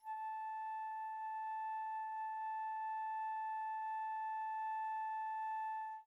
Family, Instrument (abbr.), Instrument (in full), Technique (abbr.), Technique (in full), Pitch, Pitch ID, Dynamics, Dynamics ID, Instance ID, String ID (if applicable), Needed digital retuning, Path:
Winds, Fl, Flute, ord, ordinario, A5, 81, pp, 0, 0, , FALSE, Winds/Flute/ordinario/Fl-ord-A5-pp-N-N.wav